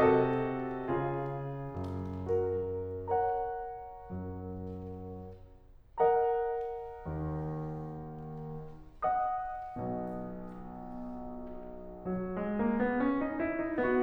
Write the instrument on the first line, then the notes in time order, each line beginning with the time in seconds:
piano
0.00 C3 F#4 A4 D#5
0.74 C#3 F4 G#4
1.60 F#2
3.00 F#4 A#4
3.30 A#4 C#5 F#5 A#5
4.10 F#2 F#3
6.00 A#4 C#5 F#5 A#5
7.09 D#2 D#3
8.93 D#5 F#5 D#6
9.79 B1 B2
12.02 F#3
12.36 G#3
12.61 A#3
12.83 B3
13.01 C#4
13.20 D#4
13.41 E4
13.60 D#4
13.77 B3 F#4